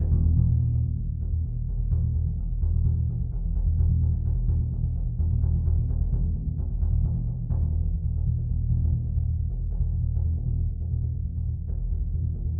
<region> pitch_keycenter=63 lokey=63 hikey=63 volume=12.196516 lovel=84 hivel=106 ampeg_attack=0.004000 ampeg_release=2.000000 sample=Membranophones/Struck Membranophones/Bass Drum 2/bassdrum_roll_mf.wav